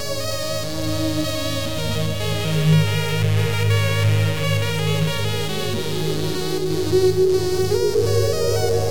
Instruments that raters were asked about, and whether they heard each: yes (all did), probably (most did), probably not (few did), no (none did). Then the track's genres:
trumpet: no
trombone: no
saxophone: no
Experimental; Ambient